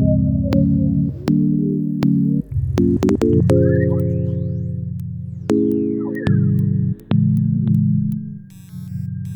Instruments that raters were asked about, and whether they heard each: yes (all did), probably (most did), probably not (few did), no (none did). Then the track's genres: bass: probably not
accordion: no
saxophone: no
trumpet: no
Field Recordings; Experimental; Sound Collage